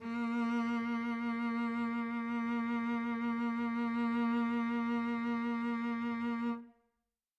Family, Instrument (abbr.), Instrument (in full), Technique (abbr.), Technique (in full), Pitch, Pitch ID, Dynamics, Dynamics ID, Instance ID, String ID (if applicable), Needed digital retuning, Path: Strings, Vc, Cello, ord, ordinario, A#3, 58, mf, 2, 3, 4, FALSE, Strings/Violoncello/ordinario/Vc-ord-A#3-mf-4c-N.wav